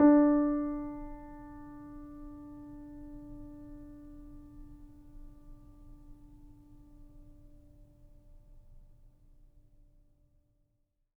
<region> pitch_keycenter=62 lokey=62 hikey=63 volume=2.093701 lovel=0 hivel=65 locc64=0 hicc64=64 ampeg_attack=0.004000 ampeg_release=0.400000 sample=Chordophones/Zithers/Grand Piano, Steinway B/NoSus/Piano_NoSus_Close_D4_vl2_rr1.wav